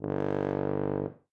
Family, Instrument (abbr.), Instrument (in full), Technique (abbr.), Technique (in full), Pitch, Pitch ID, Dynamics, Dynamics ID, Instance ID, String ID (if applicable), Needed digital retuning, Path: Brass, BTb, Bass Tuba, ord, ordinario, G1, 31, ff, 4, 0, , TRUE, Brass/Bass_Tuba/ordinario/BTb-ord-G1-ff-N-T15d.wav